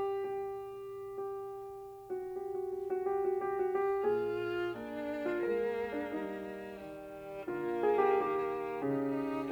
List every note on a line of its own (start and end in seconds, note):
0.00 1.21 G4
1.22 2.11 G4
2.11 2.30 F#4
2.30 2.54 G4
2.54 2.73 F#4
2.73 2.94 G4
2.94 3.11 F#4
3.11 3.27 G4
3.27 3.45 F#4
3.45 3.59 G4
3.59 3.76 F#4
3.76 4.03 G4
4.04 4.67 A#2
4.04 4.67 F4
4.04 5.20 G#4
4.68 5.40 A#3
4.68 5.40 D4
5.21 5.40 F4
5.40 6.04 G#3
5.40 6.72 A#3
5.40 5.90 A#4
5.90 6.04 D4
6.04 6.72 G3
6.04 7.47 D#4
6.73 7.47 D#3
6.73 7.47 G3
7.48 8.17 D3
7.48 8.84 A#3
7.48 7.83 F4
7.83 7.99 G#4
8.00 8.17 G4
8.17 8.84 D#3
8.17 9.52 G4
8.84 9.52 C#3
8.84 9.52 D#4